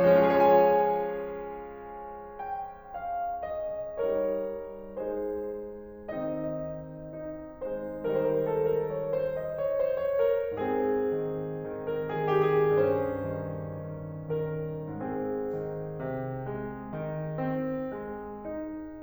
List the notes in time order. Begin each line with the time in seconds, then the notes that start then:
0.00 F3
0.08 G#3
0.16 C#4
0.23 F4
0.30 G#4
0.38 C#5
0.46 F5
0.55 G#5
2.22 G5
2.97 F5
3.40 D#5
4.06 G3 D#4 A#4 C#5
4.92 G#3 D#4 G#4 C5
6.19 D#3 C4 D#4 D#5
7.04 D#4
7.65 G#3 C5
8.14 D#3 G3 D#4 A#4
8.24 C5
8.35 A4
8.61 A#4
8.79 C#5
8.94 C5
9.24 D#5
9.61 C#5
9.81 C5
10.17 C#5
10.29 A#4
10.57 G#2 C4 G#4
11.17 D#3
11.76 D#3 A#4
11.95 G#4
12.17 D#3 G4
12.34 G#4
12.84 G2 C#4 C5
13.35 D#3
14.06 D#3
14.47 D#3 A#4
14.99 G#2 C4 G#4
15.56 D#3
16.01 C3
16.50 G#3
16.95 D#3
17.40 C4
17.96 G#3
18.46 D#4